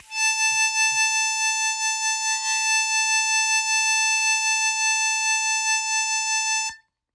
<region> pitch_keycenter=81 lokey=80 hikey=82 volume=4.176106 trigger=attack ampeg_attack=0.100000 ampeg_release=0.100000 sample=Aerophones/Free Aerophones/Harmonica-Hohner-Special20-F/Sustains/Vib/Hohner-Special20-F_Vib_A4.wav